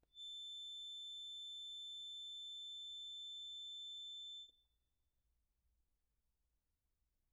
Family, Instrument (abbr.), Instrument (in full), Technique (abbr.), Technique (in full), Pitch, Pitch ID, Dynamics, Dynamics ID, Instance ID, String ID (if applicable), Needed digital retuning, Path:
Keyboards, Acc, Accordion, ord, ordinario, A7, 105, pp, 0, 1, , FALSE, Keyboards/Accordion/ordinario/Acc-ord-A7-pp-alt1-N.wav